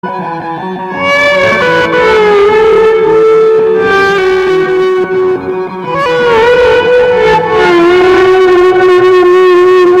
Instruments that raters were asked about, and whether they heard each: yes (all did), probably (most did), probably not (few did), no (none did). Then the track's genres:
saxophone: probably not
trumpet: no
clarinet: probably not
Pop; Psych-Folk; Experimental Pop